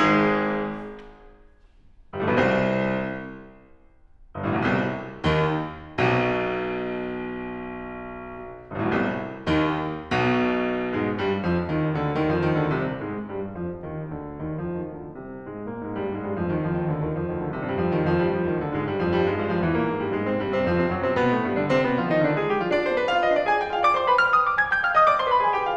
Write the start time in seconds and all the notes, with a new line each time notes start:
0.00 G#1 G#2 G#3 G#4
2.05 G1 G2
2.15 A1 A2
2.28 B1 B2
2.36 C2 C3
4.35 G1 G2
4.45 A1 A2
4.52 B1 B2
4.60 C2 C3
5.24 D#2 D#3
5.87 B1 B2
8.72 G1 G2
8.80 A1 A2
8.87 B1 B2
8.94 C2 C3
9.53 D#2 D#3
10.10 B1 B2
10.96 G#2 G#3
11.18 G2 G3
11.44 F2 F3
11.69 D#2 D#3
11.97 D2 D3
12.21 D#2 D#3
12.35 F2 F3
12.48 D#2 D#3
12.60 D2 D3
12.71 C2 C3
12.99 G#2 G#3
13.24 G2 G3
13.49 F2 F3
13.77 D#2 D#3
14.14 D2 D3
14.40 D#2 D#3
14.58 F2 F3
14.81 D#2 D#3
14.99 D2 D3
15.24 C2 C3
15.45 G#2 G#3
15.64 A#2 A#3
15.78 G#2 G#3
15.91 G2 G3
16.11 G#2 G#3
16.25 G2 G3
16.40 F2 F3
16.53 D#2 D#3
16.65 F2 F3
16.76 D#2 D#3
16.89 D2 D3
17.03 D#2 D#3
17.16 F2 F3
17.28 D#2 D#3
17.39 D2 D3
17.54 C2 C3
17.68 G2 G3
17.86 F2 F3
17.97 D#2 D#3
18.15 F2 F3
18.27 G2 G3
18.38 F2 F3
18.52 D#2 D#3
18.65 D2 D3
18.78 G#2 G#3
18.90 G2 G3
19.05 F2 F3
19.17 G2 G3
19.30 G#2 G#3
19.42 G2 G3
19.55 F2 F3
19.68 E2 E3
19.80 A#2 A#3
19.90 G#2 G#3
20.04 G2 G3
20.19 G#2 G#3
20.31 C3 C4
20.45 G2 G3
20.60 C3 C4
20.70 F2 F3
20.83 C3 C4
20.94 F#2 F#3
21.06 C3 C4
21.19 B2 B3
21.34 A2 A3
21.47 G2 G3
21.61 D3 D4
21.73 C3 C4
21.85 B2 B3
21.98 F3 F4
22.11 D#3 D#4
22.24 D3 D4
22.38 G#3 G#4
22.51 G3 G4
22.60 F3 F4
22.71 D4 D5
22.83 C4 C5
22.94 B3 B4
23.08 F4 F5
23.22 D#4 D#5
23.34 D4 D5
23.46 G#4 G#5
23.59 G4 G5
23.72 F4 F5
23.87 D5 D6
24.02 C5 C6
24.15 B4 B5
24.26 F5 F6
24.37 D#5 D#6
24.49 D5 D6
24.59 G#5 G#6
24.74 G5 G6
24.83 F5 F6
24.95 D#5 D#6
25.10 D5 D6
25.19 C5 C6
25.30 B4 B5
25.44 G#4 G#5
25.54 G4 G5
25.66 F4 F5